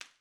<region> pitch_keycenter=61 lokey=61 hikey=61 volume=0.565856 offset=114 seq_position=1 seq_length=2 ampeg_attack=0.004000 ampeg_release=0.300000 sample=Idiophones/Struck Idiophones/Slapstick/slapstick_quiet_rr1.wav